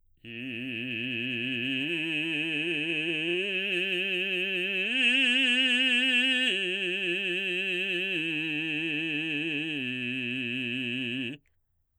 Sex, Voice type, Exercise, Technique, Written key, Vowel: male, baritone, arpeggios, vibrato, , i